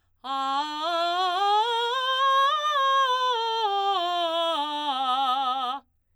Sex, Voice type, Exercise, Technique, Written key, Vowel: female, soprano, scales, belt, , a